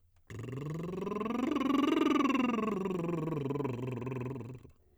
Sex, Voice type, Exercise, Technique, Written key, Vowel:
male, tenor, scales, lip trill, , a